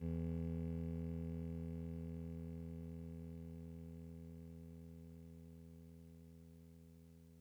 <region> pitch_keycenter=28 lokey=27 hikey=30 tune=-5 volume=25.504958 lovel=0 hivel=65 ampeg_attack=0.004000 ampeg_release=0.100000 sample=Electrophones/TX81Z/Clavisynth/Clavisynth_E0_vl1.wav